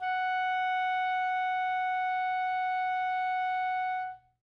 <region> pitch_keycenter=78 lokey=77 hikey=80 volume=16.983600 lovel=0 hivel=83 ampeg_attack=0.004000 ampeg_release=0.500000 sample=Aerophones/Reed Aerophones/Saxello/Non-Vibrato/Saxello_SusNV_MainSpirit_F#4_vl2_rr2.wav